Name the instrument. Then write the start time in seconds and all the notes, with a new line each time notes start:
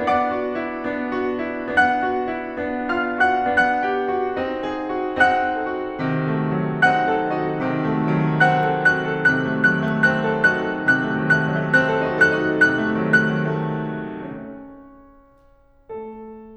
piano
0.00 B3 D4 D5 F#5 D6
0.29 F#4
0.59 E4
0.85 B3 D4
1.13 F#4
1.47 E4
1.75 B3 D4 F#5 F#6
2.03 F#4
2.35 E4
2.62 B3 D4
2.95 F4 F5 F6
3.22 F#4 F#5 F#6
3.53 B3 D4 F#5 F#6
3.89 G4
4.16 F#4
4.39 C4 D#4
4.69 G4
4.96 F#4
5.20 C4 D#4 F#5 F#6
5.58 A4
5.79 F#4
6.04 C3 D#3
6.28 A3
6.55 F#3
6.84 C4 D#4 F#5 F#6
7.12 A4
7.38 F#4
7.62 C3 D#3
7.81 A3
8.15 F#3
8.41 C4 F#5 F#6
8.64 A4
8.79 D#4 F#4 F#6
8.95 A4
9.13 C3 F#6
9.30 A3
9.49 D#3 F#3 F#6
9.72 A3
9.90 C4 F#6
10.09 A4
10.29 D#4 F#4 F#6
10.52 A4
10.84 C3 F#6
11.02 A3
11.18 D#3 F#3
11.31 A3 F#6
11.54 D#3 F#3
11.66 A3
11.76 C4 F#6
11.87 A4
12.00 D#4 F#4
12.10 A4 F#6
12.32 D#4 F#4
12.48 A4
12.67 C3 F#6
12.83 A3
12.98 D#3 F#3
13.26 A3 F#6
13.42 D#3 F#3
13.75 A3
14.14 C#4 C#5
15.89 A3 A4